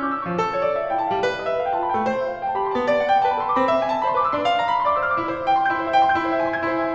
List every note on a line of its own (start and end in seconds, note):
0.00 0.08 C#6
0.09 0.17 D6
0.19 0.35 C#6
0.19 0.21 E6
0.35 1.16 F3
0.39 0.85 A4
0.53 0.63 C#5
0.63 0.74 D5
0.75 0.85 E5
0.86 0.94 G4
0.86 0.94 F5
0.94 1.03 F4
0.94 1.03 G5
1.03 1.14 E4
1.03 1.14 A5
1.14 1.22 D4
1.14 1.31 F5
1.23 1.80 G3
1.28 1.61 B4
1.32 1.44 D#5
1.44 1.52 E5
1.52 1.61 F5
1.61 1.70 A4
1.61 1.70 G5
1.70 1.79 G4
1.70 1.79 A5
1.80 1.87 F4
1.80 1.87 B5
1.88 1.99 E4
1.88 2.10 G5
1.99 2.58 A3
2.04 2.39 C5
2.10 2.19 E5
2.19 2.29 F5
2.29 2.39 G5
2.40 2.48 B4
2.40 2.48 A5
2.50 2.60 A4
2.50 2.60 B5
2.60 2.69 G4
2.60 2.69 C6
2.69 2.77 F4
2.69 2.90 A5
2.77 3.45 B3
2.84 3.38 D5
2.93 3.02 F#5
3.03 3.16 G5
3.16 3.27 A5
3.27 3.38 C5
3.27 3.38 B5
3.38 3.47 B4
3.38 3.47 C6
3.47 3.56 A4
3.47 3.56 D6
3.58 3.65 G4
3.58 3.76 B5
3.66 4.17 C4
3.72 4.04 E5
3.76 3.85 G#5
3.85 3.95 A5
3.95 4.04 B5
4.04 4.11 D5
4.04 4.11 C6
4.12 4.19 C5
4.12 4.19 D6
4.20 4.30 B4
4.20 4.30 E6
4.30 4.40 A4
4.30 4.50 C6
4.40 5.00 D4
4.46 4.81 F5
4.50 4.60 A#5
4.61 4.69 B5
4.70 4.81 C6
4.81 4.90 E5
4.81 4.90 D6
4.90 5.03 D5
4.90 5.03 E6
5.03 5.12 C5
5.03 5.12 F6
5.12 5.21 B4
5.12 5.21 D6
5.25 5.33 E4
5.33 5.39 C5
5.40 5.46 E5
5.46 5.54 G5
5.54 5.61 C6
5.61 5.70 G6
5.70 5.78 E4
5.79 5.85 C5
5.85 5.91 E5
5.92 6.03 G5
6.03 6.08 C6
6.10 6.16 G6
6.16 6.23 E4
6.23 6.36 C5
6.36 6.43 E5
6.43 6.50 G#5
6.52 6.58 C6
6.58 6.66 G#6
6.68 6.75 E4
6.75 6.80 C5
6.82 6.85 E5
6.82 6.94 G#5